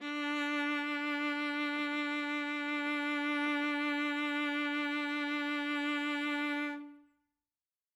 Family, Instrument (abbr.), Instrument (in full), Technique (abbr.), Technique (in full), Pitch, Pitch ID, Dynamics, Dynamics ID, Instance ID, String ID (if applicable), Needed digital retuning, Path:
Strings, Va, Viola, ord, ordinario, D4, 62, ff, 4, 2, 3, FALSE, Strings/Viola/ordinario/Va-ord-D4-ff-3c-N.wav